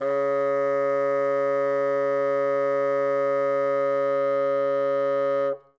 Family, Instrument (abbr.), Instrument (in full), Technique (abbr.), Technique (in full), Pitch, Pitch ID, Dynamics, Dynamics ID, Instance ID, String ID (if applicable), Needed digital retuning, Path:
Winds, Bn, Bassoon, ord, ordinario, C#3, 49, ff, 4, 0, , FALSE, Winds/Bassoon/ordinario/Bn-ord-C#3-ff-N-N.wav